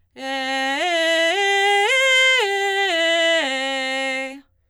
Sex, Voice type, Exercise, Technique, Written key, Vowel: female, soprano, arpeggios, belt, , e